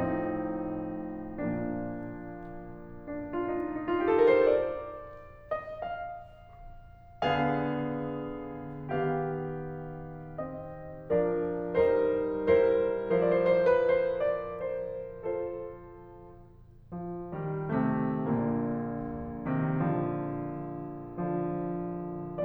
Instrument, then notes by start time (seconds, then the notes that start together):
piano
0.00 A2 F3 C4 D#4
1.06 A#2 F3 A#3
3.55 D4
3.60 D#4 F4
3.73 D4
3.80 D#4
3.89 F4
3.96 G4
4.08 A4
4.14 A#4
4.24 C5
4.33 D5
5.49 D#5
5.69 F5
7.27 D3 B3 G#4 F5
8.72 D#3 B3 G4 F5
10.37 C4 D#5
11.10 F3 D4 A#4 D5
11.76 G3 D#4 A#4 C5
12.48 G3 E4 A#4 C5
13.40 F3 E4 A#4 C5
13.50 D5
13.63 C5
13.75 D5
13.86 C5
13.97 D5
14.06 B4
14.16 C5
14.26 D5
14.73 C5
15.19 F4 A4 C5
16.96 F3
17.35 D#3 G3
17.71 C3 A3
18.27 A#1 A#2 D3 A#3
19.46 C3 D#3
19.77 D3 F3
21.17 D3 F3